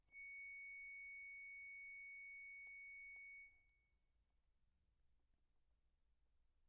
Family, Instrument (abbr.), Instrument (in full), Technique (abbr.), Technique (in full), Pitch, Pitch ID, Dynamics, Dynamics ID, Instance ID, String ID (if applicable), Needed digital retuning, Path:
Keyboards, Acc, Accordion, ord, ordinario, C#7, 97, p, 1, 0, , FALSE, Keyboards/Accordion/ordinario/Acc-ord-C#7-p-N-N.wav